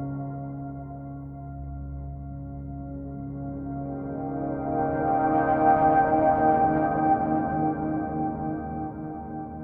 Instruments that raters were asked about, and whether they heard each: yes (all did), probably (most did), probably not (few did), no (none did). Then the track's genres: synthesizer: yes
Soundtrack; Ambient Electronic; Ambient; Minimalism; Instrumental